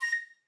<region> pitch_keycenter=94 lokey=93 hikey=98 volume=11.421533 offset=78 ampeg_attack=0.005 ampeg_release=10.000000 sample=Aerophones/Edge-blown Aerophones/Baroque Soprano Recorder/Staccato/SopRecorder_Stac_A#5_rr1_Main.wav